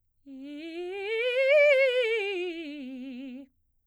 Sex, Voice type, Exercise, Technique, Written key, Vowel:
female, soprano, scales, fast/articulated piano, C major, i